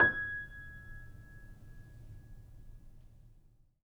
<region> pitch_keycenter=92 lokey=92 hikey=93 volume=-2.078876 lovel=0 hivel=65 locc64=0 hicc64=64 ampeg_attack=0.004000 ampeg_release=0.400000 sample=Chordophones/Zithers/Grand Piano, Steinway B/NoSus/Piano_NoSus_Close_G#6_vl2_rr1.wav